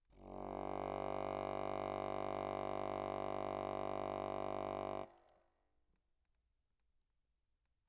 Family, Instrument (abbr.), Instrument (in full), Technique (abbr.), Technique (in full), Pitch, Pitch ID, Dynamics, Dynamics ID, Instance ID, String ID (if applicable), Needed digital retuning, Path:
Keyboards, Acc, Accordion, ord, ordinario, G1, 31, mf, 2, 0, , FALSE, Keyboards/Accordion/ordinario/Acc-ord-G1-mf-N-N.wav